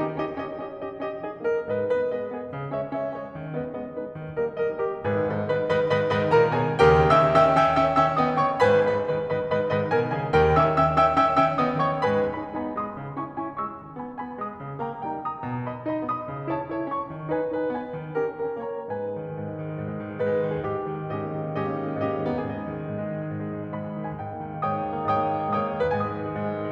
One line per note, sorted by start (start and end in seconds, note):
0.01 0.18 D#3
0.01 0.18 C#4
0.01 0.18 D#4
0.01 0.18 G4
0.18 0.38 C#4
0.18 0.38 D#4
0.18 0.38 G4
0.18 0.38 D#5
0.38 0.55 C#4
0.38 0.55 D#4
0.38 0.55 G4
0.38 0.55 D#5
0.55 0.73 C#4
0.55 0.73 D#4
0.55 0.73 G4
0.55 0.73 D#5
0.73 0.99 C#4
0.73 0.99 D#4
0.73 0.99 G4
0.73 0.99 D#5
0.99 1.24 C#4
0.99 1.24 D#4
0.99 1.24 G4
0.99 1.24 D#5
1.25 1.45 B3
1.25 1.45 C#4
1.25 1.45 D#4
1.25 1.45 G#4
1.25 1.45 D#5
1.46 1.68 A#3
1.46 1.68 D#4
1.46 1.68 A#4
1.46 1.68 D#5
1.68 1.91 G#2
1.68 1.91 B4
1.68 1.91 D#5
1.91 2.11 G#3
1.91 2.11 B3
1.91 2.11 B4
1.91 2.11 D#5
2.11 2.28 G#3
2.11 2.28 B3
2.11 2.28 B4
2.11 2.28 D#5
2.28 2.48 B3
2.28 2.48 D#4
2.28 2.48 G#4
2.28 2.48 B4
2.48 2.73 C#3
2.75 2.95 G#3
2.75 2.95 C#4
2.75 2.95 C#5
2.75 2.95 E5
2.98 3.18 G#3
2.98 3.18 C#4
2.98 3.18 C#5
2.98 3.18 E5
3.18 3.35 C#4
3.18 3.35 E4
3.18 3.35 G#4
3.18 3.35 C#5
3.35 3.55 D#3
3.55 3.72 G#3
3.55 3.72 B3
3.55 3.72 B4
3.55 3.72 D#5
3.72 3.87 G#3
3.72 3.87 B3
3.72 3.87 B4
3.72 3.87 D#5
3.90 4.09 B3
3.90 4.09 D#4
3.90 4.09 G#4
3.90 4.09 B4
4.12 4.37 D#3
4.37 4.59 G3
4.37 4.59 A#3
4.37 4.59 A#4
4.37 4.59 D#5
4.59 4.79 G3
4.59 4.79 A#3
4.59 4.79 A#4
4.59 4.79 D#5
4.79 5.01 A#3
4.79 5.01 D#4
4.79 5.01 G4
4.79 5.01 A#4
5.02 5.30 G#1
5.02 5.30 G#2
5.02 5.30 G#4
5.02 5.30 B4
5.30 5.49 G#2
5.30 5.49 D#3
5.30 5.49 B4
5.30 5.49 D#5
5.30 5.49 B5
5.50 5.68 G#2
5.50 5.68 D#3
5.50 5.68 B4
5.50 5.68 D#5
5.50 5.68 B5
5.69 5.93 G#2
5.69 5.93 D#3
5.69 5.93 B4
5.69 5.93 D#5
5.69 5.93 B5
5.93 6.14 G#2
5.93 6.14 D#3
5.93 6.14 B4
5.93 6.14 D#5
5.93 6.14 B5
6.14 6.30 G#2
6.14 6.30 D#3
6.14 6.30 B4
6.14 6.30 D#5
6.14 6.30 B5
6.31 6.51 A#2
6.31 6.51 D#3
6.31 6.51 A#4
6.31 6.51 C#5
6.31 6.51 A#5
6.51 6.76 B2
6.51 6.76 D#3
6.51 6.76 G#4
6.51 6.76 B4
6.51 6.76 G#5
6.76 7.09 D#2
6.76 7.09 C#3
6.76 7.09 D#3
6.76 7.09 G4
6.76 7.09 A#4
6.76 7.09 G5
7.11 7.32 D#3
7.11 7.32 C#4
7.11 7.32 E5
7.11 7.32 G5
7.11 7.32 E6
7.32 7.51 D#3
7.32 7.51 C#4
7.32 7.51 E5
7.32 7.51 G5
7.32 7.51 E6
7.51 7.69 D#3
7.51 7.69 C#4
7.51 7.69 E5
7.51 7.69 G5
7.51 7.69 E6
7.70 7.95 D#3
7.70 7.95 C#4
7.70 7.95 E5
7.70 7.95 G5
7.70 7.95 E6
7.95 8.19 D#3
7.95 8.19 C#4
7.95 8.19 E5
7.95 8.19 G5
7.95 8.19 E6
8.19 8.39 D#3
8.19 8.39 B3
8.19 8.39 D#5
8.19 8.39 G5
8.19 8.39 D#6
8.40 8.61 D#3
8.40 8.61 A#3
8.40 8.61 C#5
8.40 8.61 G5
8.40 8.61 C#6
8.61 8.84 G#1
8.61 8.84 G#2
8.61 8.84 B4
8.61 8.84 G#5
8.61 8.84 B5
8.84 9.03 G#2
8.84 9.03 D#3
8.84 9.03 B4
8.84 9.03 D#5
8.84 9.03 B5
9.03 9.25 G#2
9.03 9.25 D#3
9.03 9.25 B4
9.03 9.25 D#5
9.03 9.25 B5
9.27 9.50 G#2
9.27 9.50 D#3
9.27 9.50 B4
9.27 9.50 D#5
9.27 9.50 B5
9.50 9.70 G#2
9.50 9.70 D#3
9.50 9.70 B4
9.50 9.70 D#5
9.50 9.70 B5
9.70 9.89 G#2
9.70 9.89 D#3
9.70 9.89 B4
9.70 9.89 D#5
9.70 9.89 B5
9.90 10.06 A#2
9.90 10.06 D#3
9.90 10.06 A#4
9.90 10.06 C#5
9.90 10.06 A#5
10.06 10.26 B2
10.06 10.26 D#3
10.06 10.26 G#4
10.06 10.26 B4
10.06 10.26 G#5
10.26 10.55 D#2
10.26 10.55 C#3
10.26 10.55 D#3
10.26 10.55 G4
10.26 10.55 A#4
10.26 10.55 G5
10.56 10.75 D#3
10.56 10.75 C#4
10.56 10.75 E5
10.56 10.75 G5
10.56 10.75 E6
10.76 11.09 D#3
10.76 11.09 C#4
10.76 11.09 E5
10.76 11.09 G5
10.76 11.09 E6
11.09 11.27 D#3
11.09 11.27 C#4
11.09 11.27 E5
11.09 11.27 G5
11.09 11.27 E6
11.27 11.43 D#3
11.27 11.43 C#4
11.27 11.43 E5
11.27 11.43 G5
11.27 11.43 E6
11.44 11.65 D#3
11.44 11.65 C#4
11.44 11.65 E5
11.44 11.65 G5
11.44 11.65 E6
11.65 11.85 D#3
11.65 11.85 B3
11.65 11.85 D#5
11.65 11.85 G5
11.65 11.85 D#6
11.85 12.05 D#3
11.85 12.05 A#3
11.85 12.05 C#5
11.85 12.05 G5
11.85 12.05 C#6
12.06 12.35 G#2
12.06 12.35 G#3
12.06 12.35 B4
12.06 12.35 G#5
12.06 12.35 B5
12.35 12.53 B3
12.35 12.53 D#4
12.35 12.53 G#5
12.35 12.53 B5
12.54 12.74 B3
12.54 12.74 D#4
12.54 12.74 G#5
12.54 12.74 B5
12.74 12.90 G#3
12.74 12.90 B3
12.74 12.90 B5
12.74 12.90 D#6
12.92 13.17 C#3
13.17 13.38 C#4
13.17 13.38 E4
13.17 13.38 G#5
13.17 13.38 C#6
13.38 13.53 C#4
13.38 13.53 E4
13.38 13.53 G#5
13.38 13.53 C#6
13.53 13.76 G#3
13.53 13.76 C#4
13.53 13.76 C#6
13.53 13.76 E6
13.76 13.98 D#3
14.00 14.18 B3
14.00 14.18 D#4
14.00 14.18 G#5
14.00 14.18 B5
14.18 14.41 B3
14.18 14.41 D#4
14.18 14.41 G#5
14.18 14.41 B5
14.41 14.59 G#3
14.41 14.59 B3
14.41 14.59 B5
14.41 14.59 D#6
14.59 14.83 C#3
14.83 15.04 A#3
14.83 15.04 D#4
14.83 15.04 G5
14.83 15.04 A#5
15.05 15.24 A#3
15.05 15.24 D#4
15.05 15.24 G5
15.05 15.24 A#5
15.24 15.44 G3
15.24 15.44 A#3
15.24 15.44 A#5
15.24 15.44 D#6
15.45 15.69 B2
15.69 15.89 D#4
15.69 15.89 G#4
15.69 15.89 D#5
15.69 15.89 B5
15.89 16.05 D#4
15.89 16.05 G#4
15.89 16.05 D#5
15.89 16.05 B5
16.06 16.26 B3
16.06 16.26 D#4
16.06 16.26 G#5
16.06 16.26 D#6
16.26 16.46 C#3
16.46 16.63 E4
16.46 16.63 A4
16.46 16.63 C#5
16.46 16.63 A5
16.64 16.83 E4
16.64 16.83 A4
16.64 16.83 C#5
16.64 16.83 A5
16.83 17.11 C#4
16.83 17.11 E4
16.83 17.11 E5
16.83 17.11 C#6
17.12 17.30 D#3
17.30 17.54 D#4
17.30 17.54 G#4
17.30 17.54 B4
17.30 17.54 G#5
17.54 17.72 D#4
17.54 17.72 G#4
17.54 17.72 B4
17.54 17.72 G#5
17.73 17.97 B3
17.73 17.97 D#4
17.73 17.97 D#5
17.73 17.97 B5
17.97 18.18 D#3
18.19 18.37 C#4
18.19 18.37 G4
18.19 18.37 A#4
18.19 18.37 G5
18.37 18.60 C#4
18.37 18.60 G4
18.37 18.60 A#4
18.37 18.60 G5
18.62 18.83 A#3
18.62 18.83 C#4
18.62 18.83 C#5
18.62 18.83 A#5
18.84 19.05 G#2
18.84 19.22 B4
18.84 19.22 G#5
18.94 19.13 G#3
19.06 19.22 D#3
19.13 19.31 G#3
19.22 19.41 G#2
19.31 19.50 G#3
19.41 19.70 D#3
19.50 19.82 G#3
19.70 20.00 G#2
19.82 20.11 G#3
20.00 20.24 D#3
20.11 20.35 G#3
20.25 20.44 G#2
20.25 20.65 B4
20.36 20.54 G#3
20.45 20.65 D#3
20.56 20.76 G#3
20.56 20.76 G#4
20.65 20.86 G#2
20.65 21.08 G4
20.76 20.97 A#3
20.86 21.08 D#3
20.97 21.18 A#3
21.08 21.30 G#2
21.08 21.52 C#4
21.08 21.52 G4
21.08 21.52 D#5
21.18 21.38 A#3
21.30 21.52 D#3
21.38 21.61 A#3
21.52 21.73 G#2
21.52 21.90 C#4
21.52 21.90 G4
21.52 21.90 D#5
21.62 21.81 A#3
21.74 21.90 D#3
21.82 22.01 A#3
21.91 22.09 G#2
21.91 22.26 C#4
21.91 22.26 G4
21.91 22.26 D#5
22.01 22.18 A#3
22.09 22.26 D#3
22.18 22.37 A#3
22.26 22.46 G#2
22.26 22.69 B3
22.26 22.69 G#4
22.32 23.70 D#5
22.37 22.55 G#3
22.46 22.69 D#3
22.55 22.84 G#3
22.69 22.97 G#2
22.84 23.13 G#3
22.98 23.26 D#3
23.16 23.37 G#3
23.27 23.46 G#2
23.38 23.57 G#3
23.48 23.70 D#3
23.57 23.79 G#3
23.70 23.91 G#2
23.70 24.12 B5
23.79 24.02 G#3
23.91 24.12 D#3
24.02 24.27 G#3
24.02 24.27 G#5
24.12 24.38 G#2
24.12 24.61 G5
24.27 24.48 A#3
24.38 24.61 D#3
24.48 24.72 A#3
24.63 24.82 G#2
24.63 25.01 C#5
24.63 25.01 G5
24.63 25.01 D#6
24.74 24.91 A#3
24.83 25.01 D#3
24.92 25.11 A#3
25.01 25.23 G#2
25.01 25.44 C#5
25.01 25.44 G5
25.01 25.44 D#6
25.11 25.33 A#3
25.23 25.44 D#3
25.33 25.54 A#3
25.44 25.64 G#2
25.44 25.84 C#5
25.44 25.84 G5
25.44 25.84 D#6
25.54 25.75 A#3
25.64 25.84 D#3
25.75 25.92 A#3
25.84 26.02 G#2
25.84 26.22 B4
25.84 26.22 G#5
25.90 26.13 G#3
25.90 26.72 D#6
26.04 26.22 D#3
26.14 26.33 G#3
26.23 26.46 G#2
26.34 26.63 G#3
26.46 26.72 D#3
26.63 26.72 G#3